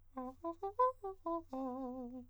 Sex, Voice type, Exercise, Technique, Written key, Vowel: male, countertenor, arpeggios, fast/articulated piano, C major, a